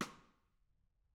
<region> pitch_keycenter=62 lokey=62 hikey=62 volume=14.450128 offset=176 seq_position=1 seq_length=2 ampeg_attack=0.004000 ampeg_release=15.000000 sample=Membranophones/Struck Membranophones/Snare Drum, Modern 2/Snare3M_Xstick_v2_rr1_Mid.wav